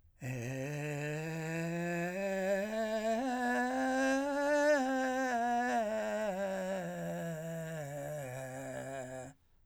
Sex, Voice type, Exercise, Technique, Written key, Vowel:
male, , scales, vocal fry, , e